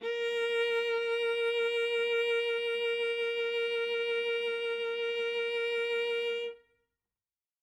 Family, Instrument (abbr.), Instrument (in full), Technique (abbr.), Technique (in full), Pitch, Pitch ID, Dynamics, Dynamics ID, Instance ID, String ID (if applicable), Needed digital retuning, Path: Strings, Va, Viola, ord, ordinario, A#4, 70, ff, 4, 2, 3, FALSE, Strings/Viola/ordinario/Va-ord-A#4-ff-3c-N.wav